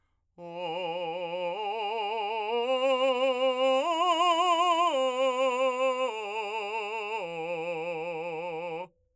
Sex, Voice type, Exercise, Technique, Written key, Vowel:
male, , arpeggios, slow/legato forte, F major, o